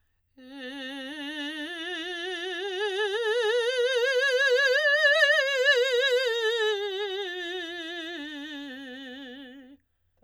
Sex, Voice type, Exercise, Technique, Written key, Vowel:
female, soprano, scales, vibrato, , e